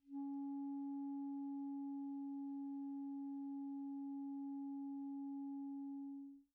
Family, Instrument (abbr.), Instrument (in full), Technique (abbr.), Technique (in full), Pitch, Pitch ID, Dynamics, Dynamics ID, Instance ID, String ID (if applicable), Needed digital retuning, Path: Winds, ClBb, Clarinet in Bb, ord, ordinario, C#4, 61, pp, 0, 0, , FALSE, Winds/Clarinet_Bb/ordinario/ClBb-ord-C#4-pp-N-N.wav